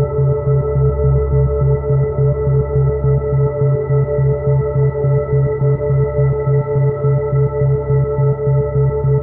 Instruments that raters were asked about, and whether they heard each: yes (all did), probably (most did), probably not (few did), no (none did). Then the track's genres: accordion: no
cello: no
synthesizer: yes
mandolin: no
Ambient; New Age